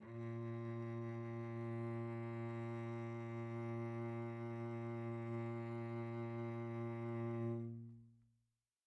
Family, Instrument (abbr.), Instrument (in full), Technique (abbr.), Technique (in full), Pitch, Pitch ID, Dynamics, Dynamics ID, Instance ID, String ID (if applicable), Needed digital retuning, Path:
Strings, Vc, Cello, ord, ordinario, A#2, 46, pp, 0, 2, 3, FALSE, Strings/Violoncello/ordinario/Vc-ord-A#2-pp-3c-N.wav